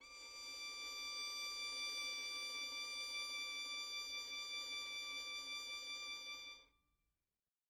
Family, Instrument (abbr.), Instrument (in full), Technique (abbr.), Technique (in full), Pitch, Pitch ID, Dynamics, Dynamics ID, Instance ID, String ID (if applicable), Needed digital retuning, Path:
Strings, Vn, Violin, ord, ordinario, D6, 86, mf, 2, 1, 2, TRUE, Strings/Violin/ordinario/Vn-ord-D6-mf-2c-T12d.wav